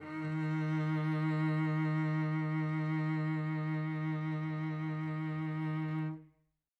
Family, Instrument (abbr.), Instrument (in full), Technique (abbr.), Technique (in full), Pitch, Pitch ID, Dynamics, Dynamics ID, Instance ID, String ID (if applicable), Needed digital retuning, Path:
Strings, Vc, Cello, ord, ordinario, D#3, 51, mf, 2, 3, 4, TRUE, Strings/Violoncello/ordinario/Vc-ord-D#3-mf-4c-T13u.wav